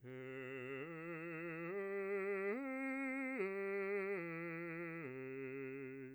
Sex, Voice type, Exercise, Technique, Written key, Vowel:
male, bass, arpeggios, slow/legato piano, C major, e